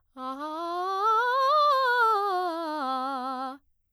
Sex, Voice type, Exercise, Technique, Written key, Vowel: female, soprano, scales, fast/articulated piano, C major, a